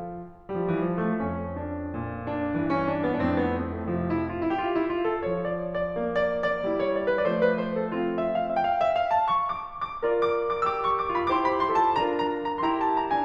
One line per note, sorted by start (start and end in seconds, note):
0.44 0.56 G3
0.56 0.62 F3
0.63 0.80 E3
0.80 1.00 F3
1.00 1.20 A3
1.21 3.23 F2
1.21 1.58 C#4
1.58 2.27 D4
1.98 2.56 A#2
2.27 2.67 D4
2.56 3.23 G2
2.56 3.23 E3
2.69 2.88 C#4
2.88 3.03 D4
3.05 3.23 B3
3.23 4.28 F2
3.23 4.28 A2
3.23 3.28 D4
3.28 3.37 C4
3.37 3.53 B3
3.53 3.71 C4
3.72 3.90 A3
3.90 4.28 C3
3.90 4.07 F3
4.09 4.28 E4
4.29 4.40 F4
4.42 4.55 E4
4.55 4.60 G4
4.60 4.71 F4
4.71 4.90 E4
4.90 5.05 F4
5.07 5.24 A4
5.25 7.26 F3
5.25 5.46 C#5
5.46 5.77 D5
5.79 6.10 D5
5.96 6.61 A#3
6.10 6.41 D5
6.42 6.77 D5
6.62 7.26 G3
6.62 7.26 E4
6.78 6.96 C#5
6.96 7.06 D5
7.07 7.26 B4
7.27 8.28 F3
7.27 8.28 A3
7.27 7.32 D5
7.32 7.41 C5
7.41 7.55 B4
7.55 7.74 C5
7.75 7.94 A4
7.96 8.28 C4
7.96 8.13 F4
8.14 8.28 E5
8.28 8.43 F5
8.43 8.58 E5
8.59 8.66 G5
8.66 8.77 F5
8.77 8.93 E5
8.95 9.08 F5
9.08 9.21 A5
9.22 9.40 C#6
9.41 9.79 D6
9.79 10.21 D6
10.03 10.66 F4
10.03 11.14 A#4
10.03 11.29 D5
10.22 10.51 D6
10.52 10.66 D6
10.66 11.14 G4
10.66 10.74 E6
10.74 10.82 D6
10.82 10.95 C#6
10.96 11.14 D6
11.14 11.29 F4
11.14 11.29 G4
11.14 11.29 B5
11.29 11.67 E4
11.29 11.67 G4
11.29 11.87 C5
11.29 11.33 D6
11.33 11.40 C6
11.40 11.49 B5
11.49 11.67 C6
11.68 11.87 F4
11.68 11.87 A4
11.68 11.87 A5
11.88 12.61 D4
11.88 12.61 F4
11.88 13.25 A#4
11.88 12.09 A#5
12.09 12.45 A#5
12.45 12.61 A#5
12.62 13.12 E4
12.62 13.12 G4
12.62 12.72 C6
12.72 12.79 A#5
12.79 12.96 A5
12.97 13.12 A#5
13.12 13.25 D4
13.12 13.25 F4
13.12 13.25 G#5